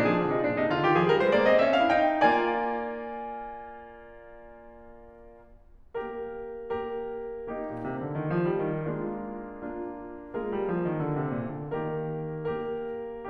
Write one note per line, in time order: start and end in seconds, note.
0.00 0.14 A#2
0.00 0.14 D4
0.14 0.24 F3
0.14 0.24 G#4
0.26 0.35 D3
0.26 0.35 F4
0.35 0.45 C3
0.35 0.45 D#4
0.46 0.62 A#2
0.46 0.62 D4
0.63 0.73 C3
0.63 0.73 D#4
0.75 0.89 D3
0.75 0.89 F4
0.89 1.00 D#3
0.89 1.00 G4
1.00 1.15 F3
1.00 1.15 G#4
1.16 1.27 G3
1.16 1.27 A#4
1.28 1.38 G#3
1.28 1.38 C5
1.38 1.52 A#3
1.38 1.52 D5
1.52 1.64 C4
1.52 1.64 D#5
1.64 1.74 C#4
1.64 1.74 E5
1.75 1.97 D4
1.75 1.97 F5
1.99 2.23 D#4
1.99 2.23 G5
2.23 4.95 A#3
2.23 4.95 F4
2.23 4.95 D5
2.23 4.95 G#5
4.96 6.19 A#3
4.96 6.19 G4
4.96 6.19 A#4
6.19 7.38 A#3
6.19 7.38 G4
6.19 7.38 A#4
7.38 8.87 A#3
7.38 8.87 D#4
7.38 8.87 G4
7.67 7.85 A#2
7.86 8.03 C3
8.05 8.19 D3
8.19 8.31 D#3
8.32 8.52 F3
8.53 8.68 G3
8.70 8.87 D#3
8.88 9.23 G#3
8.88 9.54 A#3
8.88 9.54 D4
8.88 9.54 F4
9.54 10.33 A#3
9.54 10.33 D4
9.54 10.33 F4
10.36 10.53 G#3
10.36 11.71 A#3
10.36 11.71 F4
10.36 11.71 G#4
10.36 11.71 A#4
10.53 10.70 G3
10.70 10.88 F3
10.88 11.03 D#3
11.04 11.16 D3
11.17 11.34 C3
11.34 11.55 A#2
11.56 11.71 D3
11.73 12.17 D#3
11.73 12.60 A#3
11.73 12.60 G4
11.73 12.60 A#4
12.61 13.29 A#3
12.61 13.29 G4
12.61 13.29 A#4